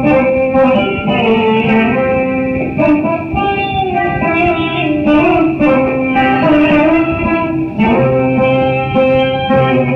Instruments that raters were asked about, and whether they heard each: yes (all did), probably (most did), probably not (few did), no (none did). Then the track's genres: organ: no
Indian; South Indian Traditional